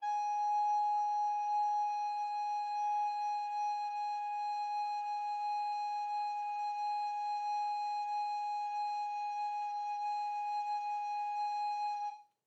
<region> pitch_keycenter=80 lokey=80 hikey=81 volume=17.613940 offset=666 ampeg_attack=0.004000 ampeg_release=0.300000 sample=Aerophones/Edge-blown Aerophones/Baroque Alto Recorder/Sustain/AltRecorder_Sus_G#4_rr1_Main.wav